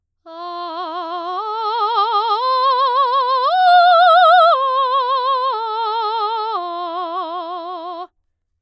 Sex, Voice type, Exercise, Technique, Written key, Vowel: female, soprano, arpeggios, slow/legato forte, F major, a